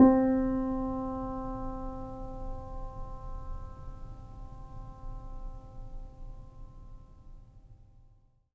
<region> pitch_keycenter=60 lokey=60 hikey=61 volume=0.018445 lovel=0 hivel=65 locc64=0 hicc64=64 ampeg_attack=0.004000 ampeg_release=0.400000 sample=Chordophones/Zithers/Grand Piano, Steinway B/NoSus/Piano_NoSus_Close_C4_vl2_rr1.wav